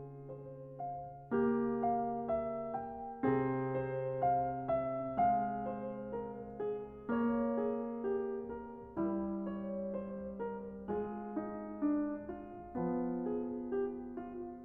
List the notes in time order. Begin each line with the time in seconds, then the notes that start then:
0.00 G#4
0.31 C5
0.79 F5
1.30 A#3
1.36 G4
1.90 F5
2.35 E5
2.77 G5
3.22 C3 C4 G#4
3.80 C5
4.26 F5
4.81 E5
5.00 G#3
5.20 F5
5.65 C5
6.11 A#4
6.54 G#4
6.77 A#3
7.09 C#5
7.59 G#4
8.15 G4
8.50 A#4
8.89 G3
8.94 E4
9.61 C#5
9.98 C5
10.38 A#4
10.86 G#3
10.90 F4
11.03 G#4
11.30 D#4
11.78 D4
12.32 F4
12.70 F3 B3
13.42 G#4
13.83 G4
14.20 F4
14.52 G3